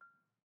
<region> pitch_keycenter=89 lokey=87 hikey=91 volume=33.844059 lovel=0 hivel=65 ampeg_attack=0.004000 ampeg_release=30.000000 sample=Idiophones/Struck Idiophones/Balafon/Soft Mallet/EthnicXylo_softM_F5_vl1_rr1_Mid.wav